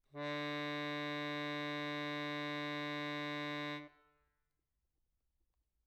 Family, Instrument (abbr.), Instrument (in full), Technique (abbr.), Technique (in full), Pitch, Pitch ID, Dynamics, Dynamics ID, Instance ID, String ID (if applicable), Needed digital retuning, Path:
Keyboards, Acc, Accordion, ord, ordinario, D3, 50, mf, 2, 0, , FALSE, Keyboards/Accordion/ordinario/Acc-ord-D3-mf-N-N.wav